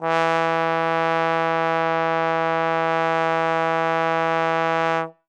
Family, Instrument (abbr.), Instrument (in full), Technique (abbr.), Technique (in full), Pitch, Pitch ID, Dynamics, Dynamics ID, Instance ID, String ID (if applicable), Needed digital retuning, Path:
Brass, Tbn, Trombone, ord, ordinario, E3, 52, ff, 4, 0, , FALSE, Brass/Trombone/ordinario/Tbn-ord-E3-ff-N-N.wav